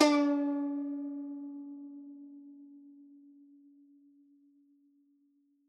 <region> pitch_keycenter=61 lokey=61 hikey=62 volume=2.482393 lovel=100 hivel=127 ampeg_attack=0.004000 ampeg_release=0.300000 sample=Chordophones/Zithers/Dan Tranh/Normal/C#3_ff_1.wav